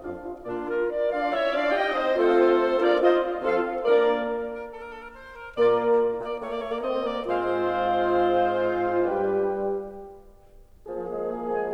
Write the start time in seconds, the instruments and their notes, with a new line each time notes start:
0.00 bassoon F2 D4, horn F4, oboe F5
0.17 horn F4
0.42 bassoon A#2 A#3, clarinet D4 F4, horn F4, oboe D5
0.63 clarinet F4 A#4
0.86 clarinet A#4 D5
1.13 bassoon D4 F4, clarinet D5 F5, oboe D5 F5
1.32 bassoon C#4 E4, clarinet C#5 E5, oboe C#5 E5
1.51 bassoon D4 F4, clarinet D5 F5, oboe D5 F5
1.70 bassoon D#4 G4, clarinet D#5 G5, oboe D#5 G5
1.93 bassoon C4 D#4, clarinet C5 D#5, oboe C5 D#5
2.15 bassoon A3 C4, horn F4, clarinet A4 C5, oboe A4 C5
2.82 bassoon A#3 D4, horn F4, clarinet A#4 D5, oboe A#4 D5
3.03 bassoon C4 D#4, horn F4, clarinet C5 D#5, oboe C5 D#5
3.45 bassoon F3 C4, horn F4, clarinet A4 F5, oboe A4 F5
3.83 bassoon A#3 D4, horn A#3 A#4, clarinet A#4 D5, oboe A#4 D5
4.49 oboe A#4
4.71 oboe A4
4.78 oboe A#4
4.90 oboe A4
5.00 oboe A#4
5.12 oboe C5
5.34 oboe A#4
5.55 bassoon A#2 A#3, horn A#3 A#4, clarinet F4 D5, oboe F4 D5
6.13 bassoon A#3, oboe D5
6.35 bassoon A3, oboe C#5
6.47 bassoon A#3, oboe D5
6.59 bassoon A3, oboe C#5
6.70 bassoon A#3, oboe D5
6.82 bassoon C4, oboe D#5
7.05 bassoon A#3, oboe D5
7.26 bassoon G#2 G#3, oboe C4 C5, horn F4, clarinet C5 F5
9.16 bassoon G2 G3, horn G3 G4, oboe D4 B4, clarinet B4 G5
10.87 bassoon F3, horn A#3 G#4, clarinet G#4 G#5
11.09 bassoon G#3
11.33 bassoon A#3
11.54 bassoon G#3